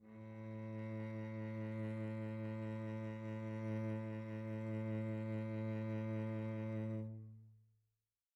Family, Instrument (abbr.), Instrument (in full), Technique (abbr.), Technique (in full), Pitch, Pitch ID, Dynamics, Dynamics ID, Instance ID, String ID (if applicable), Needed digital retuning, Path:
Strings, Vc, Cello, ord, ordinario, A2, 45, pp, 0, 2, 3, FALSE, Strings/Violoncello/ordinario/Vc-ord-A2-pp-3c-N.wav